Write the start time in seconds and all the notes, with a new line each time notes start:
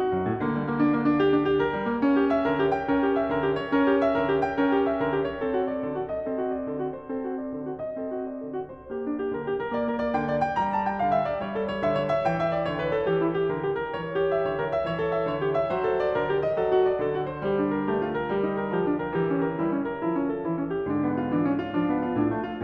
0.00 F#4
0.12 F#2
0.24 A2
0.37 D3 A#3
0.49 G3
0.60 A#3
0.80 D4
0.93 A#3
1.04 D4
1.18 G4
1.35 D4
1.47 G4
1.63 A#4
1.75 G3
1.87 A#3
2.02 C#4
2.17 G4
2.32 E5
2.46 D3 A#4
2.60 G4
2.75 G5
2.88 C#4 A#4
3.01 G4
3.18 E5
3.32 D3 A#4
3.45 G4
3.54 C#5
3.69 C#4 A#4
3.83 G4
4.03 E5
4.18 D3 A#4
4.32 G4
4.45 G5
4.59 C#4 A#4
4.75 G4
4.89 E5
5.02 D3 A#4
5.17 G4
5.29 C#5
5.43 C4 A4
5.58 F#4
5.70 D5
5.86 D3 A4
5.99 F#4
6.15 D#5
6.30 C4 A4
6.43 F#4
6.56 D5
6.70 D3 A4
6.83 F#4
6.92 C5
7.07 C4 A4
7.23 F#4
7.36 D5
7.52 D3 A4
7.69 F#4
7.83 D#5
7.98 C4 A4
8.10 F#4
8.25 D5
8.43 D3 A4
8.63 F#4
8.75 C5
8.95 A#3 G4
9.08 D4
9.18 G4
9.32 D3 A#4
9.49 G4
9.60 A#4
9.74 A#3 D5
9.88 A#4
10.02 D5
10.16 D3 G5
10.26 D5
10.44 G5
10.61 G3 A#5
10.74 A5
10.87 G5
11.04 D3 F5
11.17 E5
11.30 D5
11.42 G3 C#5
11.54 A4
11.69 C#5
11.84 D3 E5
11.98 C#5
12.10 E5
12.25 E3 G5
12.41 E5
12.54 D5
12.68 D3 C#5
12.78 B4
12.93 A4
13.11 E3 G4
13.20 E4
13.33 G4
13.53 D3 A#4
13.65 G4
13.78 A#4
13.98 E3 C#5
14.15 G4
14.28 E5
14.41 D3 C#5
14.55 A#4
14.69 E5
14.83 E3 C#5
15.01 A4
15.14 E5
15.27 D3 C#5
15.39 G4
15.52 E5
15.70 F#3 C5
15.88 A4
16.03 D5
16.20 D3 A#4
16.32 G4
16.44 D#5
16.60 F#3 A4
16.74 F#4
16.87 D5
17.04 D3 A4
17.14 F#4
17.28 C5
17.45 G3 G4
17.59 D4
17.73 A#4
17.91 A3 G4
18.07 F4
18.18 A#4
18.30 G3 G4
18.45 D#4
18.61 A#4
18.73 F3 G4
18.84 D4
18.99 A#4
19.16 E3 G4
19.28 C#4
19.45 A#4
19.59 G3 E4
19.71 C#4
19.88 A#4
20.07 F3 E4
20.19 C#4
20.31 A4
20.46 E3 E4
20.58 C#4
20.75 G4
20.91 G#2 D3 D4
21.06 B3
21.25 F4
21.39 E3 D4
21.49 C#4
21.62 F4
21.76 F3 D4
21.90 B3
22.02 F4
22.15 A2 D4
22.29 A3
22.47 F4